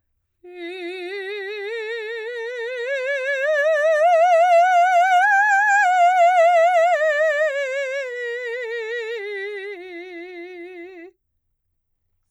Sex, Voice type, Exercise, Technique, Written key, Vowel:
female, soprano, scales, slow/legato piano, F major, i